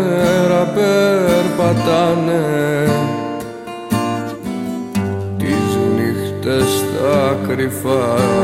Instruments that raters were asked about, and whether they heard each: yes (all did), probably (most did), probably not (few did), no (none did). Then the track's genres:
accordion: no
synthesizer: no
International